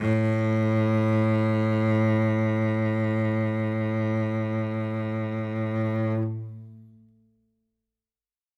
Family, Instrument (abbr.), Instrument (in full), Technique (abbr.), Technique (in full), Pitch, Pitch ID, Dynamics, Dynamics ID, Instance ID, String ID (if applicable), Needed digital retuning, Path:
Strings, Vc, Cello, ord, ordinario, A2, 45, ff, 4, 3, 4, FALSE, Strings/Violoncello/ordinario/Vc-ord-A2-ff-4c-N.wav